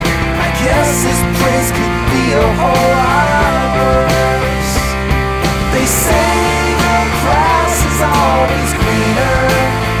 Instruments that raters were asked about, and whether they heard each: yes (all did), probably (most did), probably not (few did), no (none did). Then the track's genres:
synthesizer: no
voice: yes
Pop; Folk; Singer-Songwriter